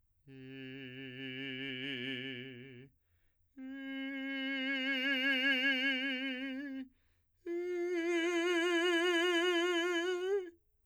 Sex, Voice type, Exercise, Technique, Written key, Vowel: male, , long tones, messa di voce, , i